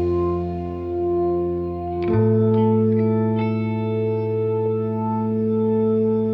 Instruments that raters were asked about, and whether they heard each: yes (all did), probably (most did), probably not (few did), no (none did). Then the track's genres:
guitar: probably not
cello: no
Folk